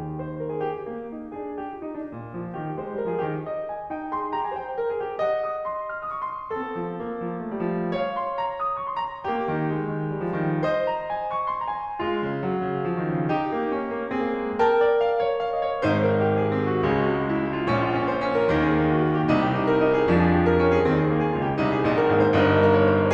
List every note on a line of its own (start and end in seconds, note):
0.00 0.94 D#2
0.00 0.94 D#3
0.00 0.17 G4
0.17 0.36 C5
0.41 0.59 A#4
0.53 0.74 G#4
0.59 0.94 G4
0.94 1.13 A#3
1.13 1.34 D#4
1.35 1.63 D4
1.35 1.80 G#4
1.63 1.80 G4
1.80 1.99 F4
1.88 2.07 D#4
1.99 2.16 D4
2.16 2.33 A#2
2.35 2.58 F3
2.59 2.77 D#3
2.59 2.77 D#4
2.77 2.93 G#3
2.77 2.93 C5
2.94 3.08 G3
2.94 3.17 A#4
3.08 3.17 F3
3.08 3.38 G#4
3.17 3.49 D#3
3.17 3.49 G4
3.54 3.72 D#5
3.72 3.90 G#5
3.90 4.13 D#4
3.90 4.13 G5
4.14 4.32 G#4
4.14 4.32 C6
4.33 4.54 G4
4.33 4.46 A#5
4.46 4.54 G#5
4.54 4.75 C5
4.54 4.75 G5
4.75 4.83 A#4
4.84 5.07 G#4
5.07 5.22 G4
5.24 6.57 D#5
5.24 5.49 F#5
5.49 5.64 D#6
5.64 5.92 C6
5.92 6.13 F6
6.18 6.23 D#6
6.23 6.33 C#6
6.34 6.57 C6
6.57 6.72 C4
6.57 7.96 A4
6.72 6.94 F3
6.95 7.20 A#3
7.21 7.47 F3
7.47 7.59 A3
7.60 7.81 G3
7.81 7.96 F3
7.96 9.26 C#5
7.96 8.12 F5
8.14 8.29 C6
8.30 8.48 A#5
8.48 8.58 D#6
8.65 8.79 C#6
8.79 9.18 C6
9.11 9.26 A#5
9.28 9.38 A#3
9.28 10.62 G4
9.38 9.65 D#3
9.65 9.78 G#3
9.78 10.16 D#3
10.17 10.26 G3
10.26 10.41 F3
10.41 10.62 D#3
10.62 11.98 C5
10.62 10.89 D#5
10.89 11.04 A#5
11.05 11.23 G#5
11.24 11.59 C#6
11.59 11.64 C6
11.64 11.69 A#5
11.69 11.98 G#5
12.00 12.24 G#3
12.00 13.31 F4
12.26 12.46 C#3
12.46 12.61 F#3
12.61 12.85 C#3
12.85 13.04 F3
13.04 13.08 D#3
13.10 13.31 C#3
13.31 13.53 D#4
13.31 14.08 G4
13.53 13.76 A#3
13.76 13.96 C#4
13.98 14.08 A#3
14.09 14.21 C4
14.09 14.56 G#4
14.21 14.43 A#3
14.43 14.56 G#3
14.56 15.84 A#4
14.56 14.81 G5
14.83 14.99 D5
14.99 15.17 F5
15.17 15.38 C#5
15.38 15.45 F5
15.46 15.52 D#5
15.52 15.84 C#5
15.85 16.81 G#1
15.85 16.81 G#2
15.85 16.22 D#4
15.85 16.23 C5
16.11 16.36 A#4
16.23 16.51 G4
16.39 16.63 G#4
16.52 16.83 C4
16.64 16.95 F#4
16.83 17.72 C#2
16.83 17.72 C#3
16.83 17.08 G#3
16.95 17.30 F#4
17.14 17.41 G#3
17.30 17.58 E4
17.44 17.72 G#3
17.59 17.82 F4
17.72 18.49 A#1
17.72 18.49 A#2
17.72 17.96 C#4
17.83 18.10 F4
17.96 18.22 C#4
18.10 18.36 C5
18.22 18.49 C#4
18.36 18.65 A#4
18.53 19.28 D#2
18.53 19.28 D#3
18.53 18.78 A#3
18.66 18.91 G#4
18.82 19.04 A#3
18.92 19.18 F#4
19.05 19.27 A#3
19.18 19.44 G4
19.28 20.07 C2
19.28 20.07 C3
19.28 19.57 D#4
19.45 19.68 G4
19.57 19.81 D#4
19.69 19.93 A#4
19.81 20.07 D#4
19.95 20.19 G#4
20.07 20.84 F2
20.07 20.84 F3
20.07 20.31 D4
20.19 20.48 G#4
20.32 20.58 G4
20.48 20.71 A#4
20.60 20.85 C#4
20.71 20.96 G#4
20.85 21.35 D#2
20.85 21.35 D#3
20.85 21.07 C4
20.96 21.22 G#4
21.08 21.35 A#3
21.23 21.49 G#4
21.35 21.61 C#2
21.35 21.61 C#3
21.35 21.59 F4
21.50 21.77 G4
21.61 21.91 C2
21.61 21.91 C3
21.61 21.91 D#4
21.77 22.01 G#4
21.91 22.14 A#1
21.91 22.14 A#2
21.91 22.14 D#4
22.02 22.30 A#4
22.15 22.40 G#1
22.15 22.40 G#2
22.15 22.40 D#4
22.30 22.52 C5
22.41 22.93 G1
22.41 22.93 G2
22.41 23.14 D#4
22.41 22.65 A#4
22.52 22.76 D#5
22.65 22.93 A#4
22.76 23.03 C#5
22.93 23.14 C5
23.03 23.14 C#5